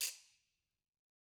<region> pitch_keycenter=60 lokey=60 hikey=60 volume=15.224280 offset=179 seq_position=2 seq_length=2 ampeg_attack=0.004000 ampeg_release=1.000000 sample=Idiophones/Struck Idiophones/Ratchet/Ratchet1_Crank_rr3_Mid.wav